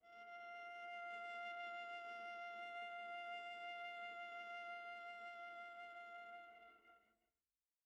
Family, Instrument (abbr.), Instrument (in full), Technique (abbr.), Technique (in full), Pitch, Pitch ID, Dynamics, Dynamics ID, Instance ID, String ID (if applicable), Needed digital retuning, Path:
Strings, Va, Viola, ord, ordinario, F5, 77, pp, 0, 2, 3, FALSE, Strings/Viola/ordinario/Va-ord-F5-pp-3c-N.wav